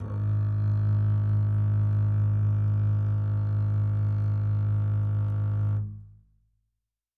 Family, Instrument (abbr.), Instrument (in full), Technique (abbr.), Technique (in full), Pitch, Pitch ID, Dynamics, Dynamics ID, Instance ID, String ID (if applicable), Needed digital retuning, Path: Strings, Cb, Contrabass, ord, ordinario, G#1, 32, mf, 2, 3, 4, FALSE, Strings/Contrabass/ordinario/Cb-ord-G#1-mf-4c-N.wav